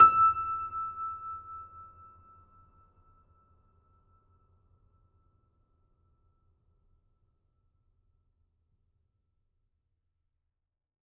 <region> pitch_keycenter=88 lokey=88 hikey=89 volume=-0.482965 lovel=66 hivel=99 locc64=65 hicc64=127 ampeg_attack=0.004000 ampeg_release=0.400000 sample=Chordophones/Zithers/Grand Piano, Steinway B/Sus/Piano_Sus_Close_E6_vl3_rr1.wav